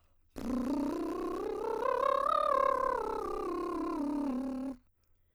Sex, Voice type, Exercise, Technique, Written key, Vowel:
female, soprano, scales, lip trill, , e